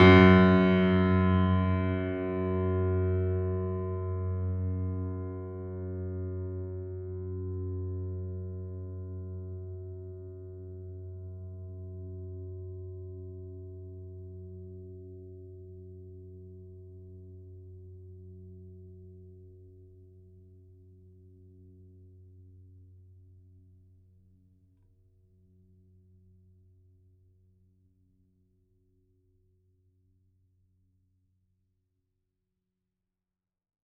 <region> pitch_keycenter=42 lokey=42 hikey=43 volume=-0.613329 lovel=100 hivel=127 locc64=65 hicc64=127 ampeg_attack=0.004000 ampeg_release=0.400000 sample=Chordophones/Zithers/Grand Piano, Steinway B/Sus/Piano_Sus_Close_F#2_vl4_rr1.wav